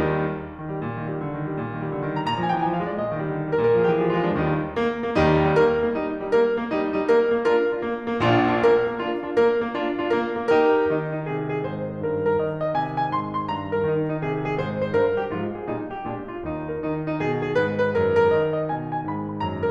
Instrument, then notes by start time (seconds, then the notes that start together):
piano
0.00 D#2 D#3 G3 D#4
0.60 D#3
0.72 G3
0.82 A#2
1.01 D#3
1.14 G3
1.27 D3
1.39 D#3
1.49 G3
1.60 A#2
1.76 D#3
1.86 G3
1.99 D3
2.08 D#3
2.19 G3 A#5
2.26 A#2 A#5
2.39 F3 G#5
2.51 G#3 G5
2.65 E3 G#5
2.79 F3 F5
2.88 G#3 D5
3.00 A#2 D#5
3.09 D#3
3.19 G3
3.29 D3
3.40 D#3
3.51 G3 A#4
3.61 A#2 A#4
3.74 F3 G#4
3.83 G#3 G4
3.95 E3 G#4
4.08 F3 F4
4.21 G#3 D4
4.40 D#2 D#3 G3 D#4
4.81 A#3
5.06 A#3
5.17 D#2 D#3 G3 D#4
5.41 D#4
5.54 A#3 A#4
5.74 A#3
5.85 G3 D#4
6.05 D#4
6.13 A#3 A#4
6.37 A#3
6.51 G3 D#4
6.85 D#4
7.02 A#3 A#4
7.23 A#3
7.45 D4 F4 A#4
7.67 D4 F4
7.78 A#3
8.06 A#3
8.20 A#1 A#2 D4 F4
8.44 D4 F4
8.57 A#3 A#4
8.81 A#3
8.95 D4 F4
9.21 D4 F4
9.33 A#3 A#4
9.54 A#3
9.71 D4 F4
9.98 D4 F4
10.10 A#3 A#4
10.38 A#3
10.50 D#4 G4 A#4
10.69 G4
10.81 D#3 D#4
11.03 D#4
11.16 C3 G#4
11.47 G#4
11.66 G#2 C5
11.94 C5
12.06 G2 A#4
12.29 A#4
12.42 D#3 D#5
12.63 D#5
12.75 C3 G#5
13.04 G#5
13.11 G#2 C6
13.33 C6
13.48 G2 A#5
13.70 A#4
13.80 D#3 D#4
14.09 D#4
14.20 C3 G#4
14.44 G#4
14.59 G#2 C5
14.88 C5
15.00 G2 A#4
15.24 G4
15.36 G#2 F3 F4
15.59 G#4
15.70 A#2 G3 D#4
15.92 G4
16.06 A#2 G#3 D4
16.32 F4
16.47 D#2 D#4
16.82 D#3 D#4
17.07 D#4
17.19 B2 G#4
17.46 G#4
17.57 G#2 B4
17.81 B4
17.94 F#2 A#4
18.16 A#4
18.30 D#3 D#5
18.55 D#5
18.69 B2 G#5
18.95 G#5
19.06 G#2 B5
19.31 B5
19.44 F#2 A#5